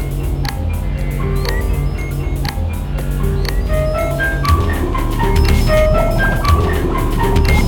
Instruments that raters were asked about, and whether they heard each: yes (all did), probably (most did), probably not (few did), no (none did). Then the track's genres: mallet percussion: probably
Electronic